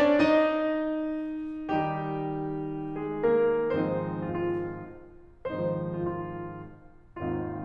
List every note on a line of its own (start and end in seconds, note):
0.02 0.33 D4
0.02 0.33 D5
0.33 1.91 D#4
0.33 1.91 D#5
1.91 3.76 D#3
1.91 3.01 G3
1.91 3.76 D#4
1.91 3.01 G4
3.02 3.37 G#3
3.02 3.37 G#4
3.37 3.76 A#3
3.37 3.76 A#4
3.79 5.40 G#2
3.79 5.40 D#3
3.79 5.40 F3
3.79 5.40 G#3
3.79 4.86 C4
3.79 4.86 D#4
3.79 4.24 C5
4.24 4.37 F4
4.37 4.86 F4
5.42 7.03 G#2
5.42 7.03 D#3
5.42 7.03 F3
5.42 7.03 G#3
5.42 6.47 C4
5.42 6.47 D#4
5.42 5.80 C5
5.81 5.94 F4
5.95 6.47 F4
7.03 7.65 G#1
7.03 7.65 D#2
7.03 7.65 C4
7.03 7.65 D#4
7.03 7.65 F4